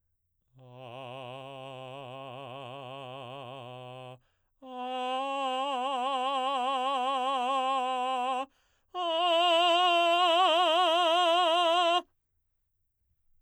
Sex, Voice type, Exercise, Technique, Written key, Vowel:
male, baritone, long tones, trill (upper semitone), , a